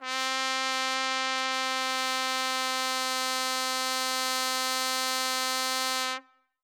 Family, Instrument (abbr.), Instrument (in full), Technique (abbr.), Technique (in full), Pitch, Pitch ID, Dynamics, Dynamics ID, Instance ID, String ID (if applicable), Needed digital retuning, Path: Brass, TpC, Trumpet in C, ord, ordinario, C4, 60, ff, 4, 0, , FALSE, Brass/Trumpet_C/ordinario/TpC-ord-C4-ff-N-N.wav